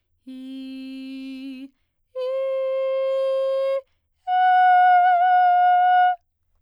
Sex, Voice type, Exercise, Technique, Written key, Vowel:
female, soprano, long tones, straight tone, , i